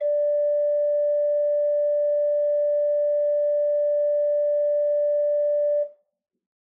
<region> pitch_keycenter=74 lokey=74 hikey=75 offset=83 ampeg_attack=0.004000 ampeg_release=0.300000 amp_veltrack=0 sample=Aerophones/Edge-blown Aerophones/Renaissance Organ/8'/RenOrgan_8foot_Room_D4_rr1.wav